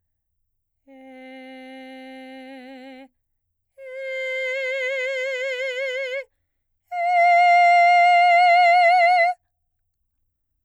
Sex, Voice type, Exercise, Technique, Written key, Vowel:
female, soprano, long tones, straight tone, , e